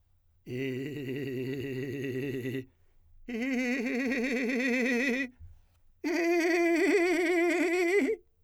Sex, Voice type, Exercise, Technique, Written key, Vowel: male, , long tones, trillo (goat tone), , i